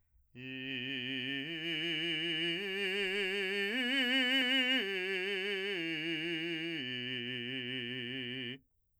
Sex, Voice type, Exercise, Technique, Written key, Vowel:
male, , arpeggios, slow/legato forte, C major, i